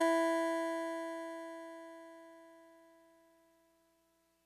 <region> pitch_keycenter=52 lokey=51 hikey=54 tune=-2 volume=13.909693 lovel=66 hivel=99 ampeg_attack=0.004000 ampeg_release=0.100000 sample=Electrophones/TX81Z/Clavisynth/Clavisynth_E2_vl2.wav